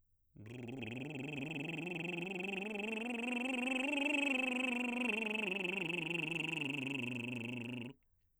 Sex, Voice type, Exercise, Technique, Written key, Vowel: male, baritone, scales, lip trill, , o